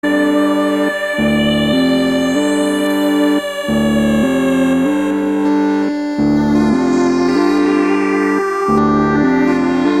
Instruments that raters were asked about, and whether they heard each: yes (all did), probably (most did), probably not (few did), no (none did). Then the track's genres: accordion: no
violin: no
Experimental; Ambient